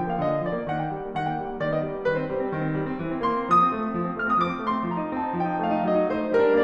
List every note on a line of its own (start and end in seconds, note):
0.01 0.12 F3
0.01 0.12 G5
0.12 0.22 A#3
0.12 0.22 F5
0.22 0.34 D3
0.22 0.44 D#5
0.35 0.44 A#3
0.45 0.57 F3
0.45 0.67 D5
0.57 0.67 A#3
0.67 0.80 D#3
0.67 0.80 F#5
0.80 0.95 A#3
0.80 0.95 G5
0.96 1.06 G3
1.06 1.15 A#3
1.15 1.24 D#3
1.15 1.24 F#5
1.24 1.34 A#3
1.24 1.34 G5
1.35 1.44 G3
1.45 1.57 A#3
1.57 1.67 D#3
1.57 1.67 D5
1.67 1.85 B3
1.67 1.85 D#5
1.85 1.96 G3
1.96 2.07 B3
2.07 2.19 D#3
2.07 2.19 B4
2.19 2.29 C4
2.19 2.29 C5
2.29 2.40 G3
2.41 2.52 C4
2.53 2.64 D#3
2.64 2.74 C4
2.74 2.86 G3
2.87 2.95 C4
2.96 3.09 E3
3.09 3.20 C4
3.20 3.34 A#3
3.20 3.51 C6
3.34 3.51 C4
3.52 3.62 D3
3.52 4.14 D#6
3.62 3.73 C4
3.73 3.83 A3
3.83 3.92 C4
3.94 4.03 D3
4.04 4.14 C4
4.14 4.23 A3
4.14 4.23 F6
4.23 4.37 C4
4.23 4.37 D#6
4.38 4.50 D3
4.38 4.64 D6
4.52 4.64 C4
4.64 4.78 A3
4.64 4.90 C6
4.78 4.90 C4
4.90 5.00 F3
4.90 5.10 A#5
5.00 5.10 D#4
5.10 5.20 C4
5.10 5.36 A5
5.20 5.36 D#4
5.36 5.50 F3
5.36 5.62 G5
5.51 5.62 D#4
5.63 5.74 A3
5.63 5.84 F5
5.74 5.84 D#4
5.84 5.94 F#3
5.84 6.10 D#5
5.94 6.10 D#4
6.11 6.22 A3
6.11 6.36 C5
6.22 6.36 D#4
6.36 6.51 G3
6.36 6.64 A#4
6.51 6.64 D4